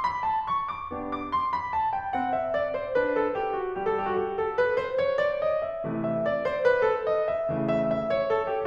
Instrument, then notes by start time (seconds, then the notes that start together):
piano
0.01 B5
0.21 A5
0.45 C#6
0.67 D6
0.91 B3 D4 G4
1.09 D6
1.26 C6
1.46 B5
1.74 A5
1.96 G5
2.15 C4 F#5
2.33 E5
2.53 D5
2.76 C5
3.00 D4 B4
3.16 A4
3.37 G4
3.55 F#4
3.77 G3 G4
3.98 A4
4.05 G4
4.10 F#4
4.19 G4
4.38 A4
4.58 B4
4.75 C5
5.01 C#5
5.27 D5
5.47 D#5
5.69 E5
5.88 C3 E3 A3
6.08 E5
6.23 D5
6.44 C5
6.66 B4
6.88 A4
7.08 D#5
7.26 E5
7.51 C#3 E3 A3
7.73 E5
7.95 E5
8.16 C#5
8.30 A4
8.53 G4